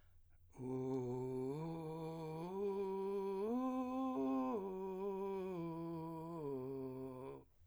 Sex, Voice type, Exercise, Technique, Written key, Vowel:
male, , arpeggios, vocal fry, , u